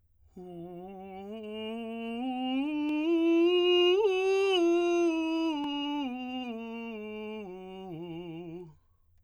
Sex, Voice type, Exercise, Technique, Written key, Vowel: male, tenor, scales, slow/legato piano, F major, u